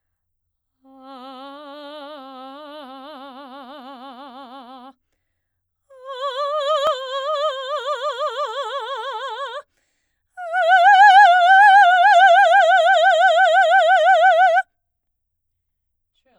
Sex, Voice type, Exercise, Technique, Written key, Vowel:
female, soprano, long tones, trill (upper semitone), , a